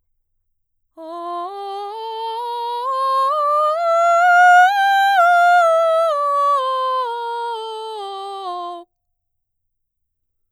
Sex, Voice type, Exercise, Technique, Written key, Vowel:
female, mezzo-soprano, scales, slow/legato forte, F major, o